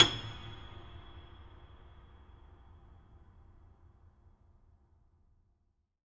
<region> pitch_keycenter=104 lokey=104 hikey=108 volume=4.680145 lovel=100 hivel=127 locc64=65 hicc64=127 ampeg_attack=0.004000 ampeg_release=10.400000 sample=Chordophones/Zithers/Grand Piano, Steinway B/Sus/Piano_Sus_Close_G#7_vl4_rr1.wav